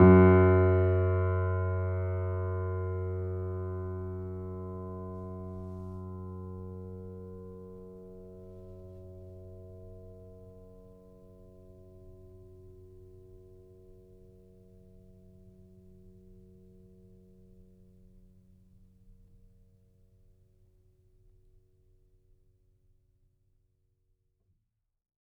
<region> pitch_keycenter=42 lokey=42 hikey=43 volume=0.131426 lovel=66 hivel=99 locc64=0 hicc64=64 ampeg_attack=0.004000 ampeg_release=0.400000 sample=Chordophones/Zithers/Grand Piano, Steinway B/NoSus/Piano_NoSus_Close_F#2_vl3_rr1.wav